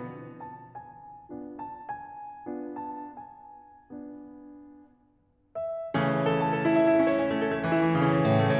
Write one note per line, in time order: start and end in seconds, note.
0.48 0.81 A5
0.81 1.30 G#5
1.31 1.81 B3
1.31 1.81 D4
1.31 1.81 F4
1.60 1.81 A5
1.81 2.48 G#5
2.48 3.17 B3
2.48 3.17 D4
2.48 3.17 F4
2.92 3.17 A5
3.18 3.87 G#5
3.87 4.56 B3
3.87 4.56 D4
3.87 4.56 F4
5.57 5.95 E5
5.97 6.67 C#3
5.97 6.67 E3
5.97 6.67 A3
5.97 6.67 C#4
6.31 6.56 A4
6.48 6.67 A5
6.56 6.74 A4
6.67 6.83 E4
6.76 6.90 E5
6.84 6.97 E4
6.90 7.06 C#4
6.97 7.26 C#5
7.07 7.44 C#4
7.28 7.53 A3
7.44 7.58 A4
7.53 7.66 A3
7.60 7.76 E3
7.68 7.94 E4
7.76 8.02 E3
7.94 8.15 C#3
8.04 8.33 C#4
8.15 8.42 C#3
8.33 8.51 A2
8.42 8.59 A3
8.54 8.59 A2